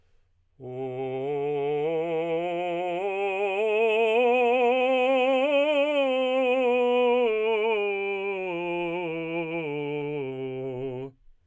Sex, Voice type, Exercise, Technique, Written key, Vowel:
male, tenor, scales, slow/legato forte, C major, u